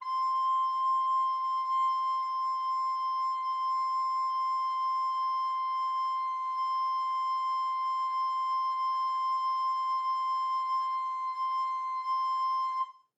<region> pitch_keycenter=84 lokey=84 hikey=85 tune=-1 volume=14.707178 offset=397 ampeg_attack=0.004000 ampeg_release=0.300000 sample=Aerophones/Edge-blown Aerophones/Baroque Alto Recorder/Sustain/AltRecorder_Sus_C5_rr1_Main.wav